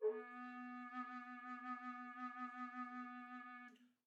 <region> pitch_keycenter=59 lokey=59 hikey=59 volume=19.773062 offset=6419 ampeg_attack=0.1 ampeg_release=0.300000 sample=Aerophones/Edge-blown Aerophones/Baroque Bass Recorder/SusVib/BassRecorder_SusVib_B2_rr1_Main.wav